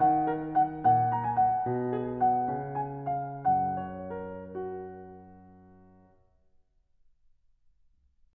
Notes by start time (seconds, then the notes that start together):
0.00 D#3 F#5
0.34 A#4
0.56 F#5
0.86 A#2 F#5
1.15 A#5
1.27 G#5
1.37 F#5
1.71 B2
1.93 G#4
2.19 F#5
2.50 C#3
2.76 G#5
3.08 F5
3.44 F#2
3.53 F#5
3.90 C#5
4.19 A#4
4.56 F#4